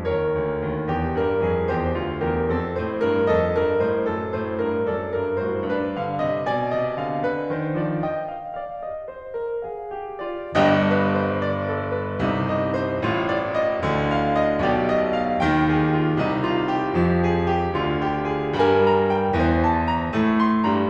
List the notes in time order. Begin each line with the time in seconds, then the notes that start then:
0.00 D#2 A#4 C#5
0.27 D2
0.60 D#2
0.87 E2 G4
1.21 G2 A#4
1.47 F2 G#4
1.71 E2 G4 C5
1.97 D2 F4
2.30 E2 G4 A#4
2.53 F2 C4 A4
2.79 A2 C5
3.04 G2 A#4
3.30 F2 A4 D#5
3.55 G2 A#4
3.83 A2 C5
4.08 F#2 A4
4.38 A2 C5
4.63 G2 A#4
4.88 F#2 A4 D5
5.19 G2 A#4
5.45 A2 F#4 C5
5.74 G2 D4 B4
5.98 D3 F5
6.22 C3 D#5
6.47 B2 D5 G#5
6.76 C3 D#5
7.00 D3 F5
7.27 D3 B4
7.52 D#3 C5
7.76 F3 D5
8.02 D#5 G5
8.31 F5
8.54 D5 F5
8.82 G4 D#5
9.08 C5
9.31 A#4
9.65 G#4 F5
9.90 G4
10.22 F4 D5
10.54 G1 G2 G4 D#5
10.80 B4
11.04 C5
11.35 D5
11.66 A4
11.97 B4
12.23 C2 C3 D#4
12.45 D#5
12.71 C5
13.04 A1 A2 F4
13.27 D5
13.57 D#5
13.77 D2 D3 F4
14.05 F5
14.30 D#5
14.56 B1 B2 G4 D5
14.80 D#5
15.08 F5
15.38 D#2 D#3 G5
15.65 G#4
15.89 F4
16.16 C2 C3 D#4
16.42 F4
16.73 G4
16.97 F2 F3
17.25 G#4
17.54 G4
17.76 D2 D3 F4
18.04 G4
18.34 G#4
18.61 G2 G3 A#4 G#5
18.85 A#5
19.11 G5
19.39 E2 E3 C5
19.67 A5
19.90 A#5
20.13 A2 A3
20.40 C6
20.67 G2 G3 A#5